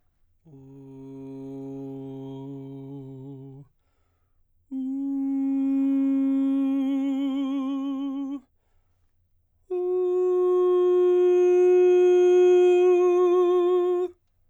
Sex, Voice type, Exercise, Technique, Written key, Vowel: male, baritone, long tones, messa di voce, , u